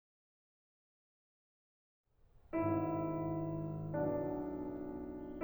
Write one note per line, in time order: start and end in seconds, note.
2.63 4.10 G#1
2.63 4.10 G#2
2.63 4.10 B3
2.63 5.42 E4
4.12 5.42 B1
4.12 5.42 B2
4.12 5.42 D4